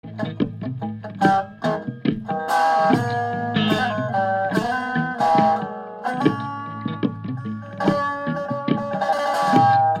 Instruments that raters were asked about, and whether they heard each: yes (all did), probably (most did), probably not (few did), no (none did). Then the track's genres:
bass: no
Folk; Experimental